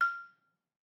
<region> pitch_keycenter=89 lokey=87 hikey=91 volume=10.276161 offset=176 lovel=66 hivel=99 ampeg_attack=0.004000 ampeg_release=30.000000 sample=Idiophones/Struck Idiophones/Balafon/Hard Mallet/EthnicXylo_hardM_F5_vl2_rr1_Mid.wav